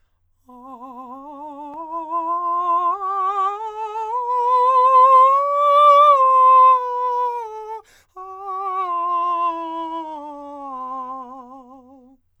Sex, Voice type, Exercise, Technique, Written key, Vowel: male, countertenor, scales, vibrato, , a